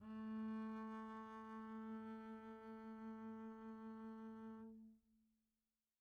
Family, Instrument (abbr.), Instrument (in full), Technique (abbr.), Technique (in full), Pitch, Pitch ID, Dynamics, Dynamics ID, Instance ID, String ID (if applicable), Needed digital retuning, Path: Strings, Cb, Contrabass, ord, ordinario, A3, 57, pp, 0, 0, 1, FALSE, Strings/Contrabass/ordinario/Cb-ord-A3-pp-1c-N.wav